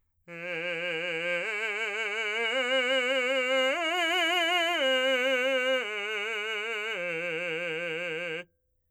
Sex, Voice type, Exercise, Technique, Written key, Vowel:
male, , arpeggios, slow/legato forte, F major, e